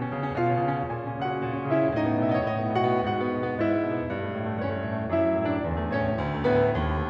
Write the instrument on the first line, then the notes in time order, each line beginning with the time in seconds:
piano
0.00 C#4
0.17 C#3
0.29 C#4
0.38 B2 F4 F5
0.56 C#4
0.68 C#3
0.78 C#4
0.94 A#2 G#4 G#5
1.06 C#4
1.20 C#3 F#4 F#5
1.32 C#4
1.45 A#2
1.58 C#4
1.72 C#3 E4 E5
1.82 C#4
1.94 A2 D#4 D#5
2.07 B3
2.19 B2 E5
2.28 D#5
2.33 B3 C#5
2.40 D#5
2.46 A2 D#5
2.58 B3
2.69 B2 F#4 F#5
2.82 B3
2.98 G#2 F#4 F#5
3.20 B3
3.38 B2
3.47 B3
3.61 G#2 E4 E5
3.74 B3
3.85 B2
3.96 B3
4.09 G2
4.24 A3
4.38 A2
4.47 A3
4.59 G2 C#4 C#5
4.71 A3
4.81 A2
4.95 A3
5.09 F#2 E4 E5
5.22 A3
5.38 A2 D4 D5
5.58 A3
5.72 F#2
5.84 A3
5.98 A2 C#4 C#5
6.10 A3
6.22 D2
6.39 A3
6.50 A2 B3 B4
6.63 A3
6.77 D#2
6.94 A3